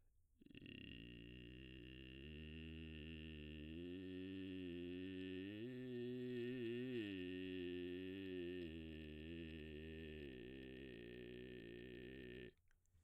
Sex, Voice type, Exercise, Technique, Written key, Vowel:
male, baritone, arpeggios, vocal fry, , i